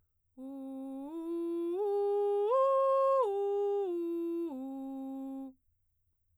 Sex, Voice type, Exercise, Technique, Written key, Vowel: female, soprano, arpeggios, straight tone, , u